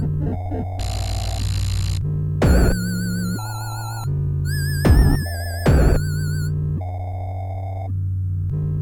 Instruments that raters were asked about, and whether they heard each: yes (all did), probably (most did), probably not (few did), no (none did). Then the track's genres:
violin: no
ukulele: no
synthesizer: yes
Electronic